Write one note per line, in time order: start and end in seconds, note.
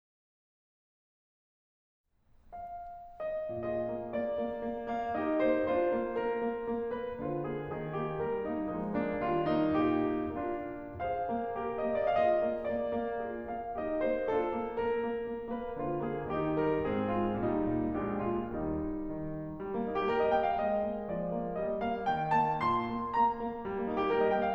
2.07 3.23 F5
3.24 3.51 D#5
3.51 3.80 A#2
3.51 5.10 F4
3.51 5.10 G#4
3.51 4.11 D#5
3.82 4.11 A#3
4.11 4.34 A#3
4.11 4.86 D5
4.35 4.55 A#3
4.56 4.86 A#3
4.88 5.10 A#3
4.88 5.10 F5
5.11 5.65 D#4
5.11 5.65 G4
5.11 5.42 D#5
5.43 5.65 A#3
5.43 5.65 C5
5.66 6.61 D4
5.66 6.61 F4
5.66 6.12 C5
5.92 6.12 A#3
6.13 6.34 A#3
6.13 6.87 A#4
6.34 6.61 A#3
6.62 6.87 A#3
6.87 7.21 A#3
6.87 7.21 B4
7.22 7.44 D3
7.22 7.66 F4
7.22 7.44 C5
7.44 7.66 A#3
7.44 7.66 G#4
7.78 8.02 D#3
7.78 8.02 G#4
8.02 8.23 A#3
8.02 8.23 G4
8.24 8.45 G3
8.24 8.45 A#4
8.46 8.71 A#3
8.46 8.71 D#4
8.72 8.99 F3
8.72 8.99 G#3
8.72 8.99 D#4
9.00 9.21 A#3
9.00 9.21 D4
9.21 9.50 D#3
9.21 9.50 G3
9.21 9.50 F4
9.51 9.75 A#3
9.51 10.37 D#4
9.75 10.09 A#2
9.75 10.37 G4
10.10 10.37 A#3
10.37 10.73 A#3
10.37 10.98 D4
10.37 10.98 F4
10.74 10.98 A#3
10.99 11.24 G#4
10.99 11.24 C5
10.99 11.78 F5
11.25 11.52 A#3
11.53 11.78 G4
11.53 11.78 A#4
11.79 12.14 A#3
11.79 12.14 D#5
12.15 12.41 F4
12.15 13.21 G#4
12.15 12.20 D5
12.21 12.24 D#5
12.21 12.33 F5
12.36 12.65 D#5
12.41 12.65 A#3
12.68 12.93 A#3
12.68 13.44 D5
12.93 13.21 A#3
13.22 13.44 F4
13.22 13.76 G#4
13.44 13.76 A#3
13.44 13.76 F5
13.77 14.02 D#4
13.77 14.31 G4
13.77 14.02 D#5
14.04 14.31 A#3
14.04 14.31 C5
14.33 14.51 D4
14.33 15.29 F4
14.33 14.79 A4
14.51 14.79 A#3
14.80 15.03 A#3
14.80 15.50 A#4
15.07 15.29 A#3
15.30 15.50 A#3
15.51 15.77 A#3
15.51 15.77 B4
15.77 15.96 D3
15.77 16.22 F4
15.77 15.96 C5
15.97 16.22 A#3
15.97 16.22 G#4
16.22 16.50 D#3
16.22 16.82 D#4
16.22 16.50 G4
16.54 16.82 G3
16.54 16.82 A#4
16.83 17.08 G#2
16.83 17.36 C4
16.83 17.08 G#4
17.09 17.36 G#3
17.09 17.36 F4
17.37 17.63 A#2
17.37 17.91 G3
17.37 17.91 D#4
17.68 17.91 A#2
17.93 18.15 A#1
17.93 18.47 G#3
17.93 18.47 D4
17.93 18.15 G4
18.16 18.47 A#2
18.16 18.47 F4
18.48 19.14 D#2
18.48 19.14 G3
18.48 19.14 D#4
19.16 19.60 D#3
19.61 19.72 G3
19.74 19.85 A#3
19.85 20.04 A#3
19.85 19.93 D#4
19.95 20.04 G4
20.05 20.58 G3
20.05 20.17 A#4
20.19 20.28 D#5
20.29 20.58 A#3
20.29 20.40 G5
20.40 20.58 F5
20.60 21.09 G#3
20.60 21.09 D#5
20.85 21.09 A#3
21.12 21.56 F3
21.12 21.56 D5
21.35 21.56 A#3
21.56 22.05 G3
21.56 21.79 D#5
21.80 22.05 A#3
21.80 22.05 F5
22.05 22.59 D#3
22.05 22.34 G5
22.35 22.59 A#3
22.35 22.59 A5
22.59 22.88 A#2
22.59 23.11 C6
22.89 23.11 A#3
23.13 23.37 A#3
23.13 23.65 A#5
23.38 23.65 A#3
23.66 23.76 G3
23.76 23.86 A#3
23.87 24.09 A#3
23.87 23.96 D#4
23.97 24.09 G4
24.11 24.54 G3
24.11 24.23 A#4
24.23 24.33 D#5
24.33 24.54 A#3
24.33 24.44 G5
24.45 24.54 F5